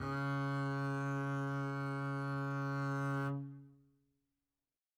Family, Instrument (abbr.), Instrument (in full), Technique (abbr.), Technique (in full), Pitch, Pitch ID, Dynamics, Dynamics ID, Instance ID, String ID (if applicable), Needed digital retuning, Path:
Strings, Cb, Contrabass, ord, ordinario, C#3, 49, mf, 2, 0, 1, TRUE, Strings/Contrabass/ordinario/Cb-ord-C#3-mf-1c-T11u.wav